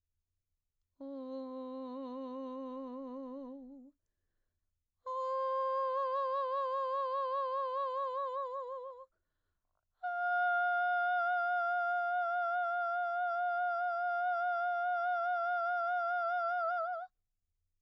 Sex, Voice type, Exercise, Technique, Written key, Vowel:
female, mezzo-soprano, long tones, full voice pianissimo, , o